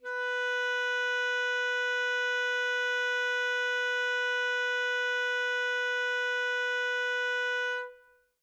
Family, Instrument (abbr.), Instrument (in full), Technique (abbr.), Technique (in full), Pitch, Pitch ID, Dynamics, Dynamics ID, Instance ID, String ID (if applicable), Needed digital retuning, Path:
Winds, ASax, Alto Saxophone, ord, ordinario, B4, 71, mf, 2, 0, , FALSE, Winds/Sax_Alto/ordinario/ASax-ord-B4-mf-N-N.wav